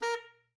<region> pitch_keycenter=70 lokey=70 hikey=71 tune=-2 volume=14.879140 offset=217 lovel=84 hivel=127 ampeg_attack=0.004000 ampeg_release=1.500000 sample=Aerophones/Reed Aerophones/Tenor Saxophone/Staccato/Tenor_Staccato_Main_A#3_vl2_rr4.wav